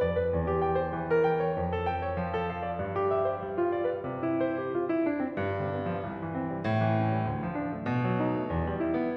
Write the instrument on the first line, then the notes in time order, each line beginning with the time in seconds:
piano
0.01 F2 D5
0.16 B4
0.32 E2
0.51 G4
0.64 G5
0.81 C5
0.95 E3
1.10 A#4
1.24 G5
1.40 C#5
1.52 F2
1.74 A4
1.91 G5
2.07 C#5
2.22 F3
2.36 A4
2.51 F5
2.62 D5
2.78 G2
2.95 G4
3.11 E5
3.24 C5
3.38 G3
3.57 F4
3.73 D5
3.87 B4
4.03 C3
4.22 E4
4.42 C5
4.58 G4
4.70 F4
4.84 E4
5.03 D4
5.20 C4
5.35 G2
5.50 D3
5.67 B3
5.85 F3
6.04 C2
6.18 E3
6.33 C4
6.50 G3
6.66 A2
6.82 E3
6.96 C#4
7.09 G3
7.24 D2
7.42 F3
7.59 D4
7.74 A3
7.90 B2
8.07 F#3
8.21 D#4
8.38 A3
8.52 E2
8.68 G3
8.85 E4
9.00 B3